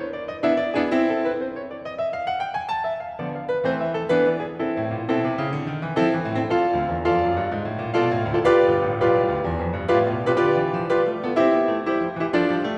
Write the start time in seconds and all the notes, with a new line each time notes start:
0.00 C#5
0.16 D5
0.31 D#5
0.45 B3 D4 E4 E5
0.60 D5
0.78 B3 D4 E4 G#4
0.93 C4 E4
1.11 A4
1.31 B4
1.46 C5
1.64 C#5
1.78 D5
1.86 D#5
2.00 E5
2.09 F5
2.26 F#5
2.39 G5
2.53 G#5
2.69 A5
2.86 E5
3.05 F5
3.18 D3 F3 B3 D5
3.36 F5
3.49 B4
3.65 E3 A3 C4 C5
3.81 E5
3.97 A4
4.09 E3 B3 D4 B4
4.24 D5
4.40 G#4
4.59 C4 E4 A4
4.75 A2
4.89 A#2
5.09 B2 C4 E4 A4
5.21 C3
5.38 C#3
5.55 D3
5.70 D#3
5.83 E3
5.98 F3 C4 E4 A4
6.11 E3
6.26 A2
6.35 C4 E4 A4
6.50 F4 A4 D5 F5
6.68 D2
6.90 E2
7.05 F2 F4 A4 D5 F5
7.22 F#2
7.36 G2
7.50 G#2
7.63 A2
7.78 A#2
7.96 B2 F4 A4 D5 F5
8.14 A2
8.30 D2 F4 A4 D5 F5
8.50 F4 G4 B4 D5 F5
8.67 G1
8.87 A1
9.01 B1 F4 G4 B4 D5 F5
9.21 C2
9.33 D2
9.45 E2
9.60 F2
9.75 G2
9.90 A2 F4 G4 B4 D5 F5
10.09 B2
10.32 C3
10.37 F4 G4 B4 D5 F5
10.47 D3 F4 G4 B4 D5 F5
10.65 E3
10.80 F3
10.92 G3 F4 G4 B4 D5 F5
11.06 A3
11.23 B3 F4 G4 B4 D5 F5
11.39 C4 E4 G4 C5 E5
11.53 B3
11.69 A3
11.87 G3 E4 G4 C5 E5
12.00 F3
12.18 E3 E4 G4 C5 E5
12.31 F3 D4 F4 A4 D5
12.46 G3
12.62 A3